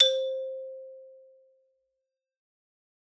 <region> pitch_keycenter=60 lokey=58 hikey=63 volume=3.587269 lovel=84 hivel=127 ampeg_attack=0.004000 ampeg_release=15.000000 sample=Idiophones/Struck Idiophones/Xylophone/Hard Mallets/Xylo_Hard_C4_ff_01_far.wav